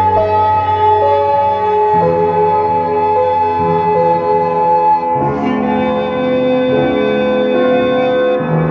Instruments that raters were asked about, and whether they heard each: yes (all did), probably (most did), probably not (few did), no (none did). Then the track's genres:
flute: probably not
organ: probably not
Pop; Psych-Folk; Experimental Pop